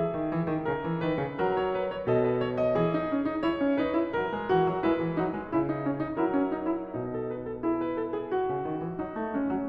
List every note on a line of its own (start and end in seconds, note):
0.00 0.14 E3
0.00 0.66 G#4
0.00 1.60 E5
0.14 0.29 D#3
0.29 0.43 E3
0.43 0.66 D#3
0.66 0.82 C#3
0.66 1.02 A#4
0.82 1.02 E3
1.02 1.17 D#3
1.02 1.39 B4
1.17 1.39 C#3
1.39 2.05 F#3
1.39 2.05 A#4
1.60 1.78 C#5
1.78 1.88 B4
1.88 2.05 C#5
2.05 2.73 B2
2.05 2.73 A4
2.05 2.26 D#5
2.26 2.36 B4
2.36 2.48 C#5
2.48 3.44 D#5
2.73 2.89 E3
2.73 4.52 G#4
2.89 3.09 D#4
3.09 3.27 C#4
3.27 3.44 D#4
3.44 3.59 E4
3.44 3.75 C#5
3.59 3.75 C#4
3.75 3.91 D#4
3.75 4.16 B4
3.91 4.16 E4
4.16 4.33 F#3
4.16 4.84 A#4
4.33 4.52 G#3
4.52 4.63 E3
4.52 4.84 F#4
4.63 4.84 F#3
4.84 4.97 G#3
4.84 5.14 E4
4.84 6.18 B4
4.97 5.14 E3
5.14 5.34 F#3
5.14 5.51 D#4
5.34 5.51 G#3
5.51 6.18 C#3
5.51 5.72 E4
5.72 5.85 D#4
5.85 5.99 C#4
5.99 6.18 D#4
6.18 6.91 F#3
6.18 6.30 E4
6.18 6.91 A#4
6.30 6.51 C#4
6.51 6.70 D#4
6.70 6.91 E4
6.91 8.50 B2
6.91 7.62 D#4
7.09 7.29 A4
7.29 7.43 B4
7.43 7.62 A4
7.62 9.00 E4
7.62 7.83 G#4
7.83 7.96 B4
7.96 8.13 A4
8.13 8.25 G#4
8.25 9.68 F#4
8.50 8.66 C#3
8.66 8.82 D#3
8.82 9.00 E3
9.00 9.15 F#3
9.00 9.32 D#4
9.15 9.32 A3
9.32 9.47 G#3
9.32 9.68 C#4
9.47 9.68 F#3